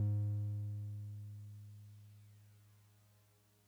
<region> pitch_keycenter=44 lokey=43 hikey=46 volume=21.093214 lovel=0 hivel=65 ampeg_attack=0.004000 ampeg_release=0.100000 sample=Electrophones/TX81Z/Piano 1/Piano 1_G#1_vl1.wav